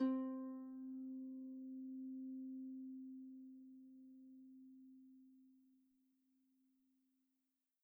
<region> pitch_keycenter=60 lokey=60 hikey=61 tune=-2 volume=23.294183 xfout_lovel=70 xfout_hivel=100 ampeg_attack=0.004000 ampeg_release=30.000000 sample=Chordophones/Composite Chordophones/Folk Harp/Harp_Normal_C3_v2_RR1.wav